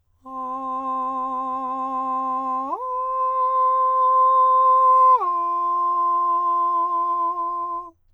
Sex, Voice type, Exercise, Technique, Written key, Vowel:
male, countertenor, long tones, straight tone, , a